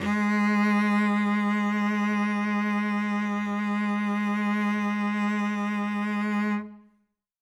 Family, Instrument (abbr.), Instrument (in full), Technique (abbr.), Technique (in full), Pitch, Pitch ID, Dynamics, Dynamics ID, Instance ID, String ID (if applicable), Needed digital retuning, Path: Strings, Vc, Cello, ord, ordinario, G#3, 56, ff, 4, 1, 2, FALSE, Strings/Violoncello/ordinario/Vc-ord-G#3-ff-2c-N.wav